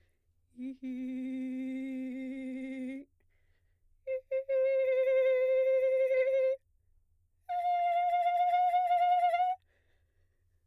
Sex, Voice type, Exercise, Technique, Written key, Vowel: female, soprano, long tones, trillo (goat tone), , i